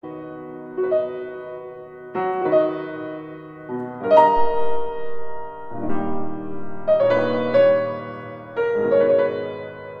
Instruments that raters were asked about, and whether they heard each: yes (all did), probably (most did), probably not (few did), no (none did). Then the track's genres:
piano: yes
drums: no
Classical